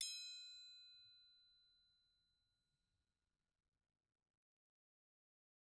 <region> pitch_keycenter=60 lokey=60 hikey=60 volume=15.086122 offset=184 lovel=84 hivel=127 seq_position=2 seq_length=2 ampeg_attack=0.004000 ampeg_release=30.000000 sample=Idiophones/Struck Idiophones/Triangles/Triangle1_Hit_v2_rr2_Mid.wav